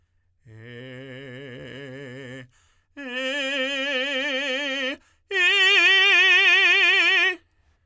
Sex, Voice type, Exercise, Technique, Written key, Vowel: male, tenor, long tones, trill (upper semitone), , e